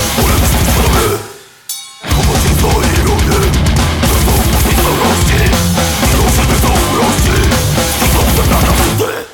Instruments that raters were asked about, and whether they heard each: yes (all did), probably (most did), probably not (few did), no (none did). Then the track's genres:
mandolin: no
piano: no
drums: yes
Metal